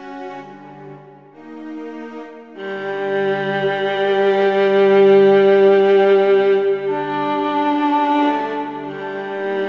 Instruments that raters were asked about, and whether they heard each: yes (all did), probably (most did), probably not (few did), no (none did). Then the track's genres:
cello: yes
violin: yes
Ambient